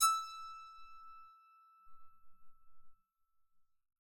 <region> pitch_keycenter=88 lokey=88 hikey=89 tune=1 volume=4.777122 ampeg_attack=0.004000 ampeg_release=15.000000 sample=Chordophones/Zithers/Psaltery, Bowed and Plucked/Spiccato/BowedPsaltery_E5_Main_Spic_rr2.wav